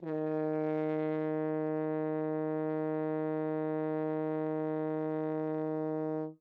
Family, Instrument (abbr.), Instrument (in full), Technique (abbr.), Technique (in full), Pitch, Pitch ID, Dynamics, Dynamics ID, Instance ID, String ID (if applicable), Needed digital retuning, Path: Brass, Hn, French Horn, ord, ordinario, D#3, 51, ff, 4, 0, , FALSE, Brass/Horn/ordinario/Hn-ord-D#3-ff-N-N.wav